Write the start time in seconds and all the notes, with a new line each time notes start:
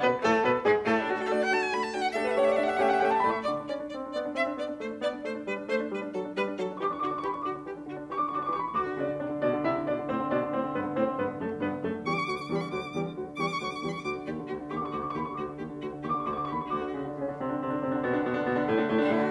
0.00 B2 B3 B4
0.21 A2 A3 A4
0.42 B2 B3 B4
0.65 G#2 G#3 G#4
0.88 A2 A3 A4
1.00 D4
1.11 A3 D4 F#4
1.21 A4
1.31 A3 D4 F#4 D5
1.40 F#5
1.51 A3 D4 F#4 A5
1.61 G#5
1.70 A3 D4 F#4 B5
1.80 A5
1.90 A3 D4 F#4 G5
2.00 F#5
2.10 A3 D4 G4 A4 E5
2.16 F#5
2.24 B4
2.29 E5
2.36 A3 D4 G4 C#5 F#5
2.45 D5 E5
2.52 F#5
2.60 A3 D4 G4 E5
2.67 F#5
2.74 E5
2.80 A3 C#4 G4 F#5 G5
2.87 E5 F#5
2.94 F#5
3.01 A3 C#4 G4 E5 G5
3.07 F#5 A5
3.13 E5
3.20 A2 A3 D5 B5
3.31 E5 C#6
3.42 D3 D5 D6
3.54 D4
3.63 C#4 D5
3.84 D4
3.96 C4 D5
4.05 D4
4.17 B3 D5
4.26 D4
4.34 C4 E5
4.45 D4
4.54 B3 D5
4.66 D4
4.75 A3 C5
4.85 D4
4.97 B3 D5
5.06 D4
5.20 A3 C5
5.34 D4
5.47 G3 B4
5.57 D4
5.67 A3 C5
5.76 D4
5.89 G3 B4
5.98 D4
6.08 F#3 A4
6.19 D4
6.33 G3 B4
6.44 D4
6.54 F#3 A4
6.64 D4
6.71 E3 G4 C#6
6.78 D4 D6
6.85 C#6
6.92 D3 F#4 D6
6.98 C#6
7.02 D4 D6
7.13 E3 G4 C#6
7.20 B5
7.24 D4 C#6
7.34 D3 F#4 D6
7.45 D4
7.58 E3 G4
7.70 D4
7.80 D3 F#4
7.89 D4
8.00 E3 G4 C#6
8.08 D4 D6
8.14 C#6
8.25 D3 F#4 D6
8.32 C#6
8.37 D4 D6
8.46 E3 G4 C#6
8.57 D4 B5
8.66 C#6
8.74 D2 F#4 D6
8.86 D3
8.99 C#3 D4 D5
9.09 D3
9.21 C3 D4 D5
9.31 D3
9.40 B2 D4 D5
9.52 D3
9.64 C3 E4 E5
9.78 D3
9.88 B2 D4 D5
9.97 D3
10.08 A2 C4 C5
10.19 D3
10.34 B2 D4 D5
10.46 D3
10.55 A2 C4 C5
10.67 D3
10.77 G2 B3 B4
10.87 D3
10.97 A2 C4 C5
11.09 D3
11.19 G2 B3 B4
11.28 D3
11.37 F#2 A3 A4
11.47 D3
11.56 G2 B3 B4
11.67 D3
11.77 F#2 A3 A4
11.87 D3
11.97 E2 G3 G4 C#6
12.04 D3 D6
12.10 C#6
12.18 D2 F#3 F#4 D6
12.34 D3 C#6
12.41 D6
12.47 E2 G3 G4 C#6
12.55 D3 B5
12.62 C#6
12.72 D2 F#3 F#4 D6
12.83 D3
12.93 E2 G3 G4
13.04 D3
13.14 D2 F#3 F#4
13.24 D3
13.32 E2 G3 G4 C#6
13.39 D3 D6
13.46 C#6
13.54 D2 F#3 F#4 D6
13.60 D3 C#6
13.66 D6
13.73 E2 G3 G4 C#6
13.84 D3 B5
13.91 C#6
14.06 D2 F#3 F#4 D6
14.16 D3
14.26 D#2 G4
14.36 D3
14.48 D2 F#4
14.58 D3
14.71 D#2 G4 C#6
14.77 D6
14.81 D3 C#6
14.92 D2 F#4 D6
14.99 D3 C#6
15.05 D6
15.13 D#2 G4 C#6
15.24 D3 B5
15.31 C#6
15.37 D2 F#4 D6
15.46 D3
15.59 D#2 G4
15.69 D3
15.81 D2 F#4
15.91 D3
16.02 D#2 G4 C#6
16.09 D3 D6
16.15 C#6
16.24 D2 F#4 D6
16.32 D3 C#6
16.40 D6
16.46 D#2 G4 C#6
16.53 D3 B5
16.60 C#6
16.67 D2 F#4 D6
16.81 D3 D4
16.92 C#3 C#4
17.03 D3 D4
17.16 C#3 C#4
17.29 D3 D4
17.38 C3 C4
17.52 D3 D4
17.62 C3 C4
17.72 D3 D4
17.82 C3 C4
17.89 D3 D4
18.02 B2 B3
18.10 D3 D4
18.19 B2 B3
18.31 D3 D4
18.39 B2 B3
18.48 D3 D4
18.62 A2 A3
18.72 D3 D4
18.83 A2 A3
18.95 D3 D4
19.04 A2 A3 E4
19.19 D3 D4 F#4